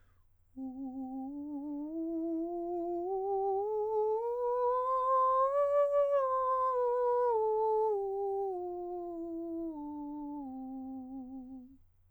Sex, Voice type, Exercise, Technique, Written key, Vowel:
male, countertenor, scales, slow/legato piano, C major, u